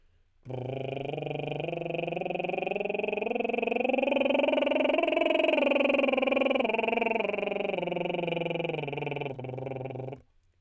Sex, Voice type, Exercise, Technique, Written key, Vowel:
male, tenor, scales, lip trill, , u